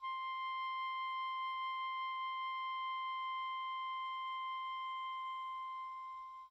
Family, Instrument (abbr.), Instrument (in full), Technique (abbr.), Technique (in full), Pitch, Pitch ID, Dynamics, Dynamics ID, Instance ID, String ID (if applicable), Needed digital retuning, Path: Winds, Ob, Oboe, ord, ordinario, C6, 84, pp, 0, 0, , TRUE, Winds/Oboe/ordinario/Ob-ord-C6-pp-N-T13u.wav